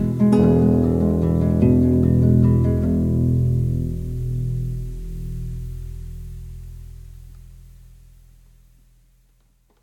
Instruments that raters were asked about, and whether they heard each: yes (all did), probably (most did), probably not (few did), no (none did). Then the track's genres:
ukulele: probably
Folk